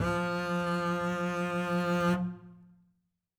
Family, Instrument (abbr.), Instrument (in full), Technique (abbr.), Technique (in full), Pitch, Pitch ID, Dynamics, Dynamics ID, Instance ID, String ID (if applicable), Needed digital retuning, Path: Strings, Cb, Contrabass, ord, ordinario, F3, 53, ff, 4, 1, 2, TRUE, Strings/Contrabass/ordinario/Cb-ord-F3-ff-2c-T12u.wav